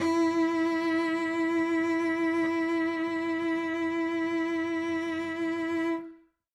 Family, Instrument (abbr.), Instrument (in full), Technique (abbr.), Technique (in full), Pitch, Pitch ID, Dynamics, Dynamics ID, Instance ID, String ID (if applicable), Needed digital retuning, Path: Strings, Vc, Cello, ord, ordinario, E4, 64, ff, 4, 2, 3, TRUE, Strings/Violoncello/ordinario/Vc-ord-E4-ff-3c-T10u.wav